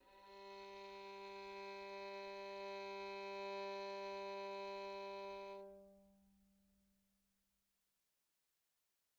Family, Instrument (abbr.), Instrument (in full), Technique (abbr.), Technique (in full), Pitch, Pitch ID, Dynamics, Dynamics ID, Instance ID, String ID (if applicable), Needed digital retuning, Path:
Strings, Vn, Violin, ord, ordinario, G3, 55, pp, 0, 3, 4, FALSE, Strings/Violin/ordinario/Vn-ord-G3-pp-4c-N.wav